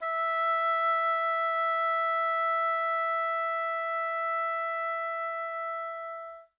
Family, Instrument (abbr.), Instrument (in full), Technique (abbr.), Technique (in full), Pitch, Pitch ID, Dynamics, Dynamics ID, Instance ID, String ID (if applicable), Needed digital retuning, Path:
Winds, Ob, Oboe, ord, ordinario, E5, 76, mf, 2, 0, , TRUE, Winds/Oboe/ordinario/Ob-ord-E5-mf-N-T10u.wav